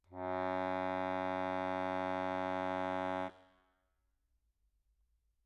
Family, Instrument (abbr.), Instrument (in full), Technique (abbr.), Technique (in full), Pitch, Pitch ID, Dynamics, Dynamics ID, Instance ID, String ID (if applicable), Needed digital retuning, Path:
Keyboards, Acc, Accordion, ord, ordinario, F#2, 42, mf, 2, 0, , FALSE, Keyboards/Accordion/ordinario/Acc-ord-F#2-mf-N-N.wav